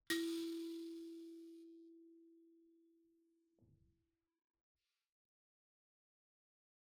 <region> pitch_keycenter=64 lokey=64 hikey=65 tune=-13 volume=17.205425 offset=4654 ampeg_attack=0.004000 ampeg_release=30.000000 sample=Idiophones/Plucked Idiophones/Mbira dzaVadzimu Nyamaropa, Zimbabwe, Low B/MBira4_pluck_Main_E3_9_50_100_rr4.wav